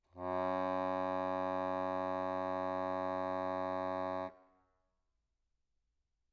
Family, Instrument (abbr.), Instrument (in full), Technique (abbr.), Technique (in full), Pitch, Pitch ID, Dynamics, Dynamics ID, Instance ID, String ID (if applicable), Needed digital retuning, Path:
Keyboards, Acc, Accordion, ord, ordinario, F#2, 42, mf, 2, 1, , FALSE, Keyboards/Accordion/ordinario/Acc-ord-F#2-mf-alt1-N.wav